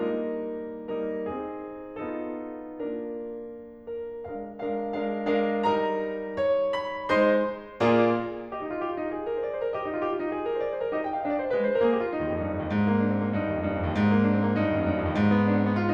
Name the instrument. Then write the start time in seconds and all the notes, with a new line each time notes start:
piano
0.00 G3 A#3 D#4 A#4
1.00 G3 D#4 A#4
1.30 C4 D#4 G#4
2.01 B3 D#4 F4 A4
2.86 A#3 D4 F4 A#4
3.98 A#4
4.30 G#3 D4 A#4 F5
4.61 G#3 D4 A#4 F5
4.96 G#3 D4 A#4 F5
5.29 G#3 D4 A#4 F5
5.67 G3 D#4 A#4 A#5
6.39 C#5
6.79 B5
7.11 G#3 D#4 C5 C6
7.81 A#2 A#3 F4 G#4 D5
8.53 G4 D#5
8.66 D#4
8.75 F4
8.85 G4
8.93 F4
9.03 D#4
9.14 G#4
9.25 A#4
9.35 C5
9.44 D5
9.54 C5
9.65 A#4
9.75 G4 D#5
9.85 D#4
9.95 F4
10.05 G4
10.14 F4
10.22 D#4
10.32 G#4
10.47 A#4
10.58 C5
10.66 D5
10.75 C5
10.83 A#4
10.92 D#4 G4 D#5
11.04 G5
11.11 F5
11.19 C4 D#5
11.28 D5
11.38 C5
11.48 G#3 B4
11.56 C5
11.67 A#4
11.80 A#3 G#4
11.91 G4
12.03 F4
12.11 D#4
12.23 D#2
12.33 F2
12.42 G2
12.53 F2
12.63 D#2
12.71 G#2
12.85 A#3
12.96 C4
13.06 D4
13.15 C4
13.25 A#3
13.34 G2 D#4
13.44 D#2
13.55 F2
13.65 G2
13.76 F2
13.87 D#2
13.97 G#2
14.08 A#3
14.21 C4
14.32 D4
14.42 C4
14.51 A#3
14.58 G2 D#4
14.65 D#2
14.74 F2
14.84 G2
14.94 F2
15.05 D#2
15.15 G#2
15.26 B3
15.36 C4
15.46 D4
15.56 C4
15.66 B3
15.77 F4
15.84 D#4